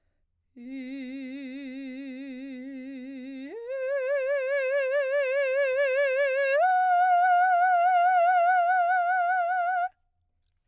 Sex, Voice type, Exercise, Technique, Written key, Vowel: female, soprano, long tones, full voice pianissimo, , i